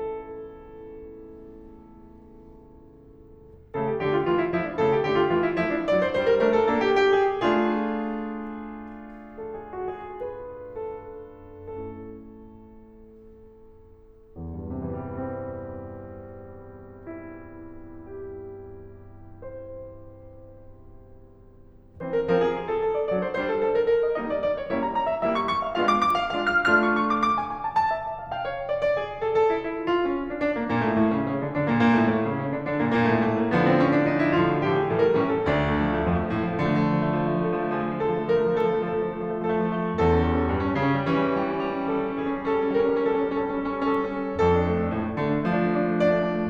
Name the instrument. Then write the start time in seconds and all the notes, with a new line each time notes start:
piano
0.00 A4
3.37 C#3 A3 A4
3.89 G4
4.02 D3 A3 G4
4.16 F4
4.32 E3 A3 F4
4.45 E4
4.57 F3 A3 E4
4.70 D4
4.83 C#3 A3 A4
4.95 G4
5.06 D3 A3 G4
5.18 F4
5.33 E3 A3 F4
5.43 E4
5.56 F3 A3 E4
5.74 D4
5.86 F#3 D4 D5
5.99 C5
6.11 G3 D4 C5
6.27 A#4
6.44 A3 D4 A#4
6.59 A4
6.71 A#3 D4 A4
6.90 G4
7.06 A#3 D4 G4
7.23 G#4
7.44 A3 D4 F4 G#4
9.40 A4
9.58 G#4
9.74 F#4
9.94 G#4
10.26 B4
10.75 A4
11.31 A3 C#4 E4 A4
14.38 E2
14.54 G2
14.64 C3
14.70 E3
14.78 G3
14.84 C4
16.90 E4
17.89 G4
18.88 C5
22.00 E3 C4 C5
22.19 A#4
22.33 F3 C4 A#4
22.47 G#4
22.59 G#4
22.73 A4
22.86 A4
22.99 D5
23.13 F#3 D4 D5
23.25 C5
23.38 G3 D4 C5
23.48 A4
23.59 A4
23.72 A#4
23.85 A#4
24.02 D#5
24.17 G3 A#3 D#4 D#5
24.28 D5
24.40 D5
24.57 C#5
24.71 G3 A#3 C#4 E4 C#5
24.80 A#5
24.93 A#5
25.10 E5
25.24 G3 A#3 C#4 E4 E5
25.36 C#6
25.48 C#6
25.62 F5
25.75 G#3 B3 D4 F4 F5
25.87 D6
25.99 D6
26.17 F5
26.31 G#3 B3 D4 F4 F5
26.48 F6
26.67 A3 D4 F4 F6
26.81 C#6
27.09 C#6
27.23 D6
27.33 D6
27.46 G#5
27.59 G#5
27.70 A5
27.82 A5
27.95 E5
28.06 E5
28.20 F5
28.33 F5
28.44 C#5
28.57 C#5
28.70 D5
28.83 D5
28.98 G#4
29.11 G#4
29.25 A4
29.37 A4
29.50 E4
29.66 E4
29.81 F4
29.97 F4
30.12 C#4
30.23 C#4
30.34 D4
30.45 D4
30.55 A#3
30.69 A#2 A#3
30.82 A2 A3
30.98 A2 A3
31.11 C#3 C#4
31.29 C#3 C#4
31.42 D3 D4
31.54 D3 D4
31.66 A#2 A#3
31.80 A#2 A#3
31.93 A2 A3
32.09 A2 A3
32.19 C#3 C#4
32.35 C#3 C#4
32.52 D3 D4
32.71 D3 D4
32.83 A#2 A#3
32.95 A#2 A#3
33.11 A2 A3
33.34 A#2 A3
33.44 A#3
33.55 D3 F3 B3
33.69 C4
33.82 C#4
33.97 D4
34.09 D#4
34.24 E4
34.37 A2 D3 F3 F4
34.49 F#4
34.62 A2 D3 F3 G4
34.78 G#4
34.92 A2 E3 G3 A4
35.06 A#4
35.19 A2 E3 G3 C#4
35.38 A4
35.56 D2 D4
35.74 A3
35.86 F3
35.96 A3
36.04 F3
36.12 A3
36.21 F2 F3
36.30 A3
36.37 F3
36.43 A2 A3
36.51 F3
36.59 A3
36.71 D3 F3
36.80 A3
36.90 F3
37.01 A3
37.11 F3
37.19 A3
37.30 F3
37.38 A3
37.44 F3
37.51 A3 A4
37.60 F3
37.71 A3
37.80 F3 G#4
37.88 A3
37.99 F3
38.07 A3 A4
38.13 F3
38.22 A3
38.30 F3 A#4
38.38 A3
38.46 F3
38.53 A3 A4
38.63 F3
38.68 A3
38.77 F3 A4
38.85 A3
38.95 F3
39.14 A3
39.22 F3
39.30 A3
39.39 F3 A4
39.50 A3
39.60 F3
39.71 A3
39.79 F3
39.87 A3
39.95 E2 A4
40.04 C#4
40.16 G3
40.25 C#4
40.33 G3
40.41 C#4
40.50 G2 G3
40.58 C#4
40.67 G3
40.76 C#3 C#4
40.91 G3
40.99 C#4
41.09 E3 G3
41.16 C#4
41.26 G3
41.35 C#4
41.41 G3
41.49 C#4
41.58 G3
41.64 C#4
41.74 G3
41.82 C#4 A4
41.91 G3
41.99 C#4
42.11 G3 G#4
42.19 C#4
42.28 G3
42.38 C#4 A4
42.47 G3
42.56 C#4
42.66 G3 A#4
42.77 C#4
42.86 G3
42.95 C#4 A4
43.06 G3
43.14 C#4
43.25 G3 A4
43.34 C#4
43.42 G3
43.49 C#4
43.57 G3
43.63 C#4
43.69 G3 A4
43.79 C#4
43.89 G3
43.97 C#4
44.05 G3
44.20 C#4
44.36 F2 A4
44.48 D4
44.59 A3
44.68 D4
44.74 A3
44.83 D4
44.92 A2 A3
45.01 D4
45.09 A3
45.19 D3 D4
45.28 A3
45.36 D4
45.48 F3 A3
45.58 D4
45.66 A3
45.74 D4
45.82 A3
45.92 D4
46.00 A3 D5
46.08 D4
46.16 A3
46.24 D4
46.32 A3
46.42 D4